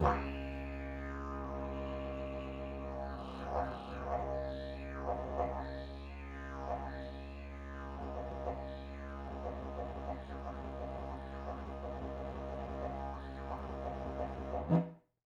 <region> pitch_keycenter=63 lokey=63 hikey=63 volume=5.000000 ampeg_attack=0.004000 ampeg_release=1.000000 sample=Aerophones/Lip Aerophones/Didgeridoo/Didgeridoo1_Phrase3_Main.wav